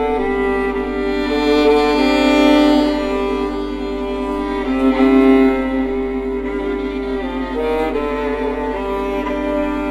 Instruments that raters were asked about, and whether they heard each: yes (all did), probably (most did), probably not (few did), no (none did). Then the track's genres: violin: yes
accordion: probably not
cello: yes
Avant-Garde; Soundtrack; Experimental; Ambient; Improv; Sound Art; Instrumental